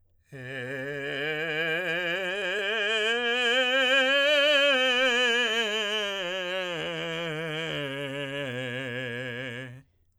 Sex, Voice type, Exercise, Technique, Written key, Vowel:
male, tenor, scales, vibrato, , e